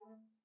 <region> pitch_keycenter=57 lokey=57 hikey=57 tune=45 volume=25.678740 offset=5 ampeg_attack=0.004000 ampeg_release=10.000000 sample=Aerophones/Edge-blown Aerophones/Baroque Bass Recorder/Staccato/BassRecorder_Stac_A2_rr1_Main.wav